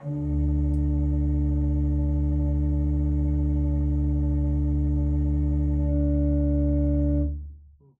<region> pitch_keycenter=38 lokey=38 hikey=39 tune=9 volume=6.469370 ampeg_attack=0.004000 ampeg_release=0.300000 amp_veltrack=0 sample=Aerophones/Edge-blown Aerophones/Renaissance Organ/Full/RenOrgan_Full_Room_D1_rr1.wav